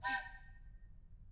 <region> pitch_keycenter=65 lokey=65 hikey=65 volume=15.000000 ampeg_attack=0.004000 ampeg_release=30.000000 sample=Aerophones/Edge-blown Aerophones/Train Whistle, Toy/Main_TrainMed_Short-001.wav